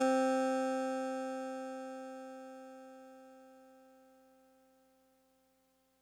<region> pitch_keycenter=48 lokey=47 hikey=50 tune=-1 volume=13.380894 lovel=66 hivel=99 ampeg_attack=0.004000 ampeg_release=0.100000 sample=Electrophones/TX81Z/Clavisynth/Clavisynth_C2_vl2.wav